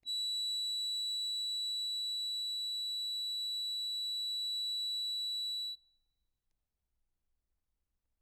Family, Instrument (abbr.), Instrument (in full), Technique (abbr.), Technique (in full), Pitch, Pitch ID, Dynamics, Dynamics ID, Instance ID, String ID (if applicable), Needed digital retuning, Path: Keyboards, Acc, Accordion, ord, ordinario, B7, 107, ff, 4, 0, , TRUE, Keyboards/Accordion/ordinario/Acc-ord-B7-ff-N-T13d.wav